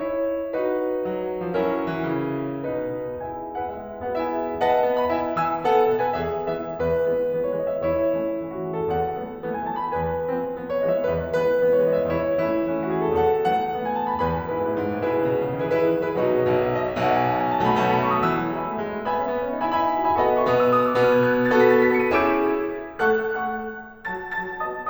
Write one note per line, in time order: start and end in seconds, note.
0.00 0.52 E4
0.00 0.52 G#4
0.00 0.52 C#5
0.53 1.57 D#4
0.53 1.57 F#4
0.53 1.57 B4
1.07 1.46 F#3
1.47 1.57 F3
1.57 2.02 F#3
1.57 2.62 C#4
1.57 2.62 E4
1.57 2.62 A#4
2.02 2.12 E3
2.14 2.62 C#3
2.62 3.19 B2
2.62 3.19 D#4
2.62 3.19 B4
3.20 3.56 E4
3.20 3.56 G#4
3.20 3.56 E5
3.20 3.56 G#5
3.58 3.68 B3
3.58 3.68 F#4
3.58 3.68 B4
3.58 3.68 F#5
3.68 4.06 G#3
3.68 4.06 E4
3.68 4.06 G#4
3.68 4.06 E5
4.06 4.18 B3
4.06 4.18 F#4
4.06 4.18 B4
4.06 4.18 F#5
4.19 4.63 E4
4.19 4.63 G#4
4.19 4.63 E5
4.19 4.63 G#5
4.63 4.88 B4
4.63 5.10 D#5
4.63 5.10 F#5
4.63 4.98 A5
4.88 5.10 B3
4.99 5.10 B5
5.10 5.33 E4
5.10 5.33 E5
5.10 5.33 G#5
5.34 5.61 E3
5.34 5.61 G#5
5.34 5.61 E6
5.62 5.87 B3
5.62 6.00 A4
5.62 6.00 F#5
5.89 6.15 B2
6.00 6.15 B4
6.00 6.15 G#5
6.15 6.54 E2
6.15 6.54 G#4
6.15 6.54 E5
6.54 6.79 E3
6.54 6.79 G#3
6.54 6.79 B3
6.54 6.79 E5
6.79 7.11 E2
6.79 7.43 B4
7.11 7.31 E3
7.11 7.31 G#3
7.11 7.31 B3
7.33 7.57 E3
7.33 7.57 G#3
7.33 7.57 B3
7.43 7.57 C#5
7.58 7.81 E3
7.58 7.81 G#3
7.58 7.81 B3
7.58 7.71 D#5
7.71 7.81 E5
7.83 8.16 E2
7.83 8.53 E4
7.83 8.39 C#5
8.16 8.39 E3
8.16 8.39 A3
8.16 8.39 C#4
8.39 8.67 E3
8.39 8.67 A3
8.39 8.67 C#4
8.57 8.67 F#4
8.67 8.90 E3
8.67 8.90 A3
8.67 8.90 C#4
8.67 8.79 G#4
8.80 8.90 A4
8.90 9.21 E2
8.90 9.53 F#5
9.22 9.40 E3
9.22 9.40 F#3
9.22 9.40 A3
9.22 9.40 B3
9.42 9.66 E3
9.42 9.66 F#3
9.42 9.66 A3
9.42 9.66 B3
9.53 9.66 G#5
9.67 9.91 E3
9.67 9.91 F#3
9.67 9.91 A3
9.67 9.91 B3
9.67 9.80 A5
9.80 9.91 B5
9.91 10.26 E2
9.91 10.63 B4
9.91 10.52 G#5
10.26 10.52 E3
10.26 10.52 G#3
10.26 10.52 B3
10.52 10.80 E3
10.52 10.80 G#3
10.52 10.80 B3
10.68 10.80 C#5
10.80 11.09 E3
10.80 11.09 G#3
10.80 11.09 B3
10.80 10.96 D#5
10.96 11.09 E5
11.10 11.37 E2
11.10 11.37 B4
11.38 11.61 E3
11.38 11.61 G#3
11.38 11.61 B3
11.38 11.73 B4
11.62 11.84 E3
11.62 11.84 G#3
11.62 11.84 B3
11.73 11.84 C#5
11.84 12.09 E3
11.84 12.09 G#3
11.84 12.09 B3
11.84 11.98 D#5
11.99 12.09 E5
12.09 12.40 E2
12.09 12.40 E4
12.09 12.74 C#5
12.40 12.74 E3
12.40 12.74 A3
12.40 12.74 C#4
12.40 12.86 E4
12.74 12.96 E3
12.74 12.96 A3
12.74 12.96 C#4
12.86 12.96 F#4
12.97 13.20 E3
12.97 13.20 A3
12.97 13.20 C#4
12.97 13.07 G#4
13.07 13.20 A4
13.21 13.46 E2
13.21 13.72 A4
13.21 13.46 F#5
13.47 13.72 E3
13.47 13.72 F#3
13.47 13.72 A3
13.47 13.72 B3
13.47 13.85 F#5
13.72 13.98 E3
13.72 13.98 F#3
13.72 13.98 A3
13.72 13.98 B3
13.86 13.98 G#5
13.98 14.21 E3
13.98 14.21 F#3
13.98 14.21 A3
13.98 14.21 B3
13.98 14.09 A5
14.11 14.21 B5
14.21 14.40 E2
14.21 14.54 B4
14.21 14.54 G#5
14.21 14.54 B5
14.41 14.54 F#2
14.54 14.68 G#2
14.54 15.08 E4
14.54 15.08 G#4
14.54 15.08 B4
14.68 14.78 A2
14.79 14.98 G#2
14.98 15.08 A2
15.09 15.20 B2
15.09 15.70 E4
15.09 15.70 G#4
15.09 15.70 B4
15.20 15.30 C#3
15.31 15.45 B2
15.45 15.58 C#3
15.58 15.70 D#3
15.70 15.79 E3
15.70 15.79 E4
15.70 15.79 G#4
15.70 15.79 B4
15.79 15.89 D#3
15.79 16.10 E4
15.79 16.10 G#4
15.79 16.10 B4
15.91 16.00 E3
16.00 16.10 F#3
16.11 16.22 G#3
16.11 16.22 E4
16.11 16.22 G#4
16.11 16.22 B4
16.22 16.51 B2
16.22 16.51 F#3
16.22 16.51 A3
16.22 16.38 D#4
16.22 16.38 F#4
16.22 16.38 B4
16.38 16.51 C#5
16.51 17.03 B1
16.51 17.03 B2
16.51 16.61 D#5
16.61 16.76 E5
16.78 16.90 D#5
16.90 17.03 E5
17.04 17.65 B1
17.04 17.65 B2
17.04 17.16 F#5
17.16 17.28 G#5
17.28 17.39 F#5
17.39 17.53 G#5
17.53 17.65 A5
17.66 17.79 B2
17.66 17.79 F#3
17.66 17.79 A3
17.66 17.79 B5
17.79 18.17 B2
17.79 18.17 F#3
17.79 18.17 A3
17.79 17.91 A5
17.93 18.04 B5
18.04 18.17 C#6
18.17 18.27 B2
18.17 18.27 F#3
18.17 18.27 A3
18.17 18.27 D#6
18.27 18.46 E3
18.27 18.59 E6
18.46 18.59 F#3
18.60 18.70 G#3
18.60 19.08 E5
18.60 19.08 G#5
18.60 19.08 B5
18.70 18.80 A3
18.81 18.94 G#3
18.94 19.08 A3
19.09 19.19 B3
19.09 19.70 E5
19.09 19.70 G#5
19.09 19.70 B5
19.19 19.31 C#4
19.31 19.45 B3
19.46 19.59 C#4
19.59 19.70 D#4
19.71 19.84 E4
19.71 19.84 E5
19.71 19.84 G#5
19.71 19.84 B5
19.84 19.95 D#4
19.84 20.15 E5
19.84 20.15 G#5
19.84 20.15 B5
19.96 20.05 E4
20.05 20.15 F#4
20.15 20.27 G#4
20.15 20.27 E5
20.15 20.27 G#5
20.15 20.27 B5
20.28 20.53 B3
20.28 20.53 F#4
20.28 20.53 A4
20.28 20.41 D#5
20.28 20.41 F#5
20.28 20.41 B5
20.41 20.53 C#6
20.54 21.01 B2
20.54 21.01 B3
20.54 20.65 D#6
20.65 20.77 E6
20.78 20.90 D#6
20.90 21.01 E6
21.01 21.52 B2
21.01 21.52 B3
21.01 21.12 F#6
21.13 21.22 G#6
21.22 21.33 F#6
21.34 21.42 G#6
21.42 21.52 A6
21.54 21.66 B3
21.54 21.66 F#4
21.54 21.66 A4
21.54 21.66 B6
21.66 22.04 B3
21.66 22.04 F#4
21.66 22.04 A4
21.66 21.80 A6
21.80 21.92 B6
21.93 22.04 C#7
22.04 22.15 B3
22.04 22.15 F#4
22.04 22.15 A4
22.04 22.15 D#7
22.16 22.78 C#4
22.16 22.78 E4
22.16 22.78 G#4
22.16 22.78 E6
22.16 22.78 G#6
22.16 22.78 E7
23.02 23.34 A3
23.02 23.34 A4
23.02 23.34 F#5
23.02 23.34 C#6
23.02 23.34 F#6
23.34 23.87 A3
23.34 23.87 A4
23.34 23.87 F#5
23.34 23.87 C#6
23.34 23.87 F#6
24.11 24.40 F#3
24.11 24.40 F#4
24.11 24.40 A5
24.11 24.40 A6
24.42 24.62 F#3
24.42 24.62 F#4
24.42 24.62 A5
24.42 24.62 A6
24.62 24.90 B3
24.62 24.90 F#4
24.62 24.90 D#5
24.62 24.90 A5
24.62 24.90 D#6